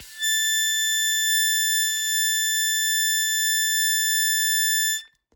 <region> pitch_keycenter=93 lokey=92 hikey=94 volume=12.704512 trigger=attack ampeg_attack=0.100000 ampeg_release=0.100000 sample=Aerophones/Free Aerophones/Harmonica-Hohner-Special20-F/Sustains/Accented/Hohner-Special20-F_Accented_A5.wav